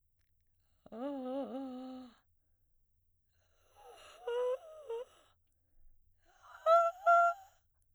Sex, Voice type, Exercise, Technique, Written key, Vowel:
female, soprano, long tones, inhaled singing, , a